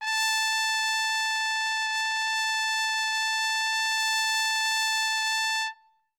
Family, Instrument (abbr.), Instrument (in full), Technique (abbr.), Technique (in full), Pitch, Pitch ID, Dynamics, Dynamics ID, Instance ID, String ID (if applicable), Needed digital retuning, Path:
Brass, TpC, Trumpet in C, ord, ordinario, A5, 81, ff, 4, 0, , TRUE, Brass/Trumpet_C/ordinario/TpC-ord-A5-ff-N-T13u.wav